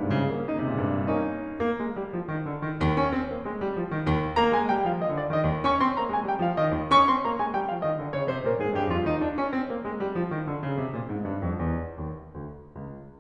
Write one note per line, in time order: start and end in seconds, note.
0.00 0.06 G2
0.00 0.09 G#2
0.00 0.14 D#4
0.07 0.14 A#2
0.07 0.17 C3
0.14 0.45 C#3
0.30 0.45 A#3
0.46 0.62 C#4
0.62 0.71 C#3
0.62 0.82 E4
0.66 0.77 C3
0.71 0.82 A#2
0.78 0.87 G#2
0.84 1.10 G2
1.14 1.53 A#3
1.14 1.53 C#4
1.14 1.53 D#4
1.53 1.79 A#3
1.80 1.94 G#3
1.96 2.12 G3
2.12 2.29 F3
2.30 2.46 D#3
2.46 2.62 D3
2.64 2.77 D#3
2.79 2.94 D#2
2.94 3.12 C#4
3.13 3.29 C4
3.30 3.45 A#3
3.45 3.60 G#3
3.61 3.76 G3
3.77 3.94 F3
3.94 4.12 D#3
4.13 4.32 D#2
4.33 4.52 A#3
4.33 4.52 A#5
4.52 4.67 G#3
4.52 4.67 G#5
4.68 4.84 G3
4.68 4.84 G5
4.84 4.99 F3
4.84 4.99 F5
4.99 5.17 D#3
4.99 5.17 D#5
5.18 5.31 D3
5.18 5.31 D5
5.31 5.46 D#3
5.31 5.46 D#5
5.47 5.62 D#2
5.63 5.83 C#4
5.63 5.83 C#6
5.83 5.99 C4
5.83 5.99 C6
6.00 6.13 A#3
6.00 6.13 A#5
6.14 6.30 G#3
6.14 6.30 G#5
6.30 6.43 G3
6.30 6.43 G5
6.44 6.55 F3
6.44 6.55 F5
6.56 6.71 D#3
6.56 6.71 D#5
6.71 6.86 D#2
6.87 7.06 C#4
6.87 7.06 C#6
7.06 7.24 C4
7.06 7.24 C6
7.24 7.38 A#3
7.24 7.38 A#5
7.40 7.53 G#3
7.40 7.53 G#5
7.53 7.69 G3
7.53 7.69 G5
7.70 7.80 F3
7.70 7.80 F5
7.83 7.99 D#3
7.83 7.99 D#5
7.99 8.13 D3
7.99 8.13 D5
8.14 8.27 C#3
8.14 8.27 C#5
8.28 8.43 C3
8.28 8.43 C5
8.43 8.56 A#2
8.43 8.56 A#4
8.59 8.77 G#2
8.59 8.77 G#4
8.78 8.93 G2
8.78 8.93 G4
8.93 9.06 F2
8.93 9.06 F4
9.07 9.18 D#4
9.20 9.35 D4
9.35 9.47 C#4
9.49 9.65 C4
9.65 9.81 A#3
9.82 9.94 G#3
9.95 10.11 G3
10.11 10.29 F3
10.30 10.47 D#3
10.48 10.62 D3
10.62 10.80 C#3
10.81 10.94 C3
10.95 11.10 A#2
11.10 11.26 G#2
11.27 11.45 G2
11.46 11.61 F2
11.61 11.95 E2
11.95 12.29 D#2
12.31 12.75 D2
12.76 13.20 C#2